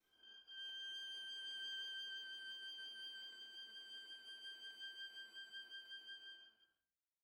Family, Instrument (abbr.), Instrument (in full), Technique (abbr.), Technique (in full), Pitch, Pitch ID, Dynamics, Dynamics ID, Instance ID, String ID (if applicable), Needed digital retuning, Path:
Strings, Va, Viola, ord, ordinario, G6, 91, pp, 0, 0, 1, FALSE, Strings/Viola/ordinario/Va-ord-G6-pp-1c-N.wav